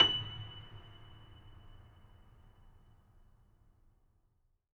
<region> pitch_keycenter=102 lokey=102 hikey=103 volume=-2.014605 lovel=0 hivel=65 locc64=65 hicc64=127 ampeg_attack=0.004000 ampeg_release=10.400000 sample=Chordophones/Zithers/Grand Piano, Steinway B/Sus/Piano_Sus_Close_F#7_vl2_rr1.wav